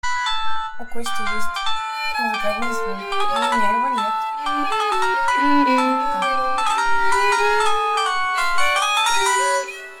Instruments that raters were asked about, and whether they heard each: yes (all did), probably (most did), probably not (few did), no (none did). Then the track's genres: mandolin: no
Avant-Garde; Soundtrack; Experimental; Free-Folk; Freak-Folk; Ambient; Unclassifiable; Improv; Sound Art; Contemporary Classical; Instrumental